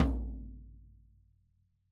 <region> pitch_keycenter=63 lokey=63 hikey=63 volume=9.645401 lovel=100 hivel=127 seq_position=2 seq_length=2 ampeg_attack=0.004000 ampeg_release=30.000000 sample=Membranophones/Struck Membranophones/Snare Drum, Rope Tension/Low/RopeSnare_low_ns_Main_vl3_rr1.wav